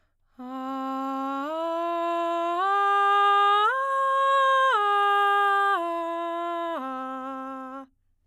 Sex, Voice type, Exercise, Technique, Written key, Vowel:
female, soprano, arpeggios, breathy, , a